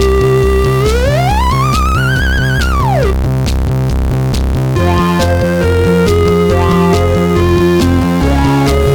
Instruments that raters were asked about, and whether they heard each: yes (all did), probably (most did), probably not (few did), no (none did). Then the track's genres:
trumpet: probably not
cello: no
synthesizer: yes
saxophone: no
Synth Pop